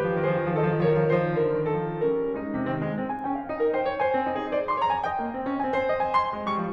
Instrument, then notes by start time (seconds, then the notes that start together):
piano
0.00 D#3 G4 B4
0.05 F3
0.12 D#3
0.19 F3
0.26 D#3 G#4 C5
0.36 F3
0.43 D#3
0.51 F3
0.57 D#3 G#4 D#5
0.63 F3
0.69 D#3
0.73 F3
0.86 D#3 A#4 C#5
0.94 F3
0.99 D#3
1.04 F3
1.11 D#3 D#4 C5
1.18 F3
1.24 D#3
1.32 F3
1.43 D#3 C#4 A#4
1.51 F3
1.59 D3
1.65 D#3
1.70 F3 G#4
2.09 G3 C#4 A#4
2.32 G#3
2.45 C3
2.55 D#3 C4
2.73 G#3
3.03 C4
3.15 G#5
3.25 C#4 G5
3.39 F5
3.52 D#4 D#5
3.62 A#4
3.75 C5 G5
3.84 C#5
3.97 C5 G#5
4.14 C4
4.27 D#4
4.38 G#4
4.49 C5
4.68 C6
4.78 C#5 A#5
4.89 G#5
5.02 D#5 G5
5.19 A#3
5.36 C4
5.49 C#4
5.61 C4 G#5
5.76 C5
5.87 D#5
6.03 G#5
6.25 C6
6.35 G#3
6.47 G3 C#6
6.61 F3